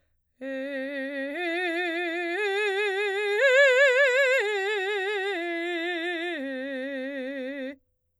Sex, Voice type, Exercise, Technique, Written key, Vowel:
female, soprano, arpeggios, slow/legato forte, C major, e